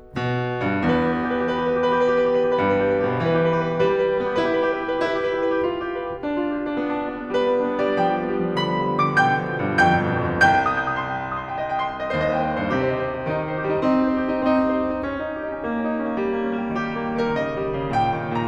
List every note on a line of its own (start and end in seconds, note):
0.12 0.65 B2
0.65 0.82 G2
0.82 2.66 E2
0.82 1.21 B4
1.10 1.32 G4
1.21 1.40 B4
1.34 1.50 G4
1.42 1.60 B4
1.50 1.67 G4
1.60 1.75 B4
1.67 1.83 G4
1.75 1.93 B4
1.85 2.01 G4
1.93 2.11 B4
2.01 2.22 G4
2.11 2.30 B4
2.22 2.39 G4
2.31 2.50 B4
2.40 2.59 G4
2.50 2.66 B4
2.59 2.74 G4
2.66 3.18 G2
2.66 2.84 B4
2.74 2.97 G4
2.89 3.10 B4
3.01 3.18 G4
3.10 3.30 B4
3.18 3.30 B2
3.18 3.40 G4
3.30 3.94 E3
3.30 3.53 B4
3.40 3.65 G4
3.54 3.76 B4
3.65 3.84 G4
3.76 3.94 B4
3.84 4.04 G4
3.94 4.39 G3
3.94 4.12 B4
4.05 4.23 G4
4.13 4.31 B4
4.23 4.39 G4
4.31 4.46 B4
4.39 4.46 B3
4.39 4.55 G4
4.46 5.04 E4
4.46 4.67 B4
4.56 4.79 G4
4.67 4.88 B4
4.79 4.95 G4
4.88 5.04 B4
4.95 5.17 G4
5.06 5.61 E4
5.06 5.27 B4
5.18 5.36 G4
5.27 5.45 B4
5.36 5.53 G4
5.45 5.61 B4
5.53 5.61 G4
5.62 5.85 F4
5.76 5.96 G4
5.87 6.06 B4
5.97 6.23 G4
6.07 6.35 F4
6.26 6.47 D4
6.36 6.55 F4
6.48 6.65 G4
6.56 6.76 F4
6.66 6.93 D4
6.77 7.04 B3
6.94 7.11 D4
7.04 7.21 F4
7.11 7.33 D4
7.22 7.48 B3
7.34 7.60 G3
7.34 7.88 B4
7.48 7.73 B3
7.62 7.86 D4
7.76 7.98 B3
7.87 8.09 G3
7.87 7.99 D5
7.99 8.22 F3
7.99 8.60 G5
8.10 8.35 G3
8.23 8.44 B3
8.36 8.57 G3
8.60 8.80 D3
8.60 9.09 B5
8.67 8.71 F3
8.81 9.02 G3
8.94 9.20 F3
9.03 9.29 D3
9.09 9.21 D6
9.21 9.39 B2
9.21 9.80 G5
9.21 9.80 G6
9.30 9.52 D3
9.40 9.62 F3
9.54 9.79 D3
9.64 9.89 B2
9.80 9.98 G2
9.80 10.46 G5
9.80 10.46 G6
9.89 10.09 B2
10.00 10.22 D3
10.10 10.44 B2
10.22 10.52 G2
10.46 12.10 C2
10.46 10.72 G5
10.46 10.72 G6
10.61 10.82 D#6
10.72 10.97 G6
10.84 11.06 D#6
10.98 11.17 C6
11.08 11.27 G5
11.18 11.37 C6
11.27 11.47 D#6
11.38 11.58 C6
11.47 11.68 G5
11.59 11.80 D#5
11.69 11.90 G5
11.80 12.00 C6
11.91 12.09 G5
12.02 12.20 D#5
12.10 12.62 D#2
12.10 12.38 C5
12.21 12.50 D#5
12.38 12.60 G5
12.52 12.69 D#5
12.60 12.70 G2
12.60 12.72 C5
12.70 13.26 C3
12.70 12.91 G4
12.81 13.00 C5
12.91 13.12 D#5
13.01 13.26 C5
13.13 13.36 G4
13.26 13.72 D#3
13.26 13.48 D#4
13.37 13.56 G4
13.48 13.69 C5
13.57 13.82 G4
13.72 13.82 G3
13.83 14.41 C4
13.83 13.92 D#4
13.93 14.20 G4
14.06 14.30 C5
14.21 14.41 G4
14.42 15.07 C4
14.42 14.50 D#4
14.51 14.76 G4
14.63 14.87 C5
14.77 15.07 G4
14.90 15.21 D#4
15.08 15.34 C#4
15.22 15.43 D#4
15.35 15.55 G4
15.44 15.63 D#4
15.56 15.72 C#4
15.64 15.88 A#3
15.73 16.01 C#4
15.89 16.10 D#4
16.01 16.22 C#4
16.11 16.32 A#3
16.23 16.43 G3
16.34 16.51 A#3
16.44 16.61 C#4
16.51 16.73 A#3
16.64 16.83 G3
16.74 16.93 D#3
16.74 17.25 G4
16.83 17.11 G3
16.94 17.23 A#3
17.12 17.35 G3
17.24 17.39 D#3
17.24 17.36 A#4
17.36 17.54 C#3
17.36 17.90 D#5
17.46 17.66 D#3
17.55 17.75 G3
17.67 17.89 D#3
17.76 18.00 C#3
17.90 18.10 A#2
17.90 18.37 G5
18.00 18.20 C#3
18.11 18.33 D#3
18.25 18.46 C#3
18.37 18.47 A#5